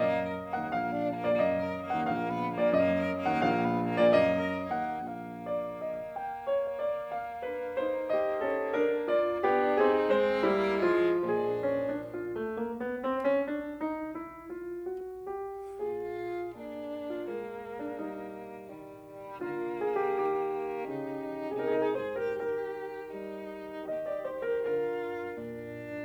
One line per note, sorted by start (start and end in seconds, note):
0.01 0.55 F#2
0.01 0.24 A#3
0.01 0.55 D#5
0.24 0.41 A#4
0.49 0.68 A#3
0.55 0.75 D#2
0.55 0.75 F#5
0.75 1.25 A#1
0.75 0.97 A#3
0.75 1.25 F5
0.97 1.14 D4
1.20 1.36 A#3
1.26 1.43 A#2
1.26 1.43 D5
1.43 1.91 F#2
1.43 1.61 A#3
1.43 1.91 D#5
1.61 1.78 A#4
1.85 2.03 A#3
1.92 2.10 D#2
1.92 2.10 F#5
2.10 2.58 A#1
2.10 2.29 A#3
2.10 2.58 F5
2.29 2.46 B3
2.53 2.68 A#3
2.58 2.73 A#2
2.58 2.73 D5
2.75 3.23 F#2
2.75 2.94 A#3
2.75 3.23 D#5
2.94 3.11 A#4
3.19 3.35 A#3
3.24 3.42 D#2
3.24 3.42 F#5
3.43 4.00 A#1
3.43 3.72 A#3
3.43 4.00 F5
3.72 3.88 B3
3.95 4.13 A#3
4.01 4.20 A#2
4.01 4.20 D5
4.21 4.81 F#2
4.21 4.48 A#3
4.21 4.81 D#5
4.48 4.66 A#4
4.74 4.95 A#3
4.82 5.04 D#2
4.82 5.04 F#5
5.06 9.50 A#3
5.06 5.44 F5
5.44 5.82 D5
5.83 6.18 D#5
6.19 6.48 G5
6.48 6.83 C#5
6.84 7.19 D5
7.20 7.47 F5
7.47 7.80 D4
7.47 7.80 B4
7.80 8.13 D#4
7.80 8.13 C5
8.14 8.46 G4
8.14 8.46 D#5
8.47 8.82 C#4
8.47 8.82 A4
8.82 9.13 D4
8.82 9.13 A#4
9.14 9.50 F4
9.14 9.50 D5
9.51 9.75 B3
9.51 9.75 D4
9.51 9.75 G4
9.75 10.06 C4
9.75 10.07 D#4
9.75 10.06 G#4
10.07 10.43 G#3
10.07 10.44 C4
10.07 10.43 C5
10.44 10.80 G3
10.44 10.81 A#3
10.44 10.80 E4
10.81 11.28 F3
10.81 11.28 G#3
10.81 11.28 F4
11.29 12.12 A#2
11.29 12.12 F3
11.29 12.12 G#3
11.29 12.12 D4
11.29 11.59 G#4
11.60 11.87 C#4
11.88 12.12 D4
12.13 12.36 F4
12.37 12.60 A3
12.61 12.79 A#3
12.79 13.01 B3
13.02 13.26 C4
13.28 13.51 C#4
13.52 13.80 D4
13.81 14.15 D#4
14.16 14.54 E4
14.55 14.89 F4
14.89 15.26 F#4
15.27 15.80 G4
15.81 16.53 A#2
15.81 16.53 F4
15.81 17.10 G#4
16.54 17.27 A#3
16.54 17.27 D4
17.10 17.27 F4
17.27 17.98 G#3
17.27 18.66 A#3
17.27 17.80 A#4
17.82 17.98 D4
17.99 18.66 G3
17.99 19.41 D#4
18.67 19.41 D#3
18.67 19.41 G3
19.42 20.15 D3
19.42 20.87 A#3
19.42 19.78 F4
19.78 19.96 G#4
19.97 20.15 G4
20.16 20.87 D#3
20.16 21.60 G4
20.87 21.60 C#3
20.87 21.60 D#4
21.61 22.01 C3
21.61 22.01 D#4
21.61 21.80 G#4
21.70 21.91 A#4
21.81 22.01 G#4
21.91 22.10 A#4
22.01 22.37 G#2
22.01 22.18 G#4
22.01 22.18 C5
22.18 22.37 G4
22.18 22.37 A#4
22.37 23.09 D#3
22.37 23.09 G4
22.37 23.84 A#4
23.10 23.84 G3
23.10 23.84 D#4
23.85 24.62 D#3
23.85 24.62 G4
23.85 24.03 D#5
24.04 24.21 D5
24.22 24.42 C5
24.42 24.62 A#4
24.62 25.29 D3
24.62 25.29 F4
24.62 26.05 A#4
25.30 26.05 A#2
25.30 26.05 D4